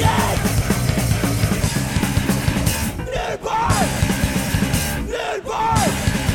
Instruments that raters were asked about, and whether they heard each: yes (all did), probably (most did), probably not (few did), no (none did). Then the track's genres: drums: probably
saxophone: no
banjo: no
mallet percussion: no
Post-Punk; Hardcore